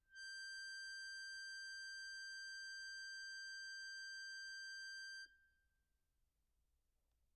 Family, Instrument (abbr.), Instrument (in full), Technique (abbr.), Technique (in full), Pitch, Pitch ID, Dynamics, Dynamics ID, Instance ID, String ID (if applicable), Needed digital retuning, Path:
Keyboards, Acc, Accordion, ord, ordinario, G6, 91, pp, 0, 2, , FALSE, Keyboards/Accordion/ordinario/Acc-ord-G6-pp-alt2-N.wav